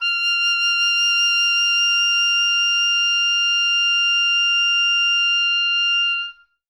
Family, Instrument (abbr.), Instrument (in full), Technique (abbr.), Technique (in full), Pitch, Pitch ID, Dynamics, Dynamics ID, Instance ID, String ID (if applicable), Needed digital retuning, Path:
Winds, Ob, Oboe, ord, ordinario, F6, 89, ff, 4, 0, , FALSE, Winds/Oboe/ordinario/Ob-ord-F6-ff-N-N.wav